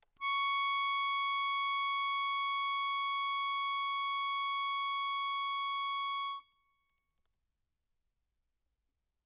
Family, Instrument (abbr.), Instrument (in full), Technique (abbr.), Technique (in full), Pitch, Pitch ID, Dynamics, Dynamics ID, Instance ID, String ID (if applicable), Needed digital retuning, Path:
Keyboards, Acc, Accordion, ord, ordinario, C#6, 85, mf, 2, 3, , FALSE, Keyboards/Accordion/ordinario/Acc-ord-C#6-mf-alt3-N.wav